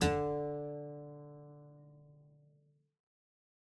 <region> pitch_keycenter=50 lokey=49 hikey=51 volume=1 trigger=attack ampeg_attack=0.004000 ampeg_release=0.350000 amp_veltrack=0 sample=Chordophones/Zithers/Harpsichord, English/Sustains/Lute/ZuckermannKitHarpsi_Lute_Sus_D2_rr1.wav